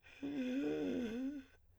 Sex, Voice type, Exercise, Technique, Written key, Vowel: male, , long tones, inhaled singing, , e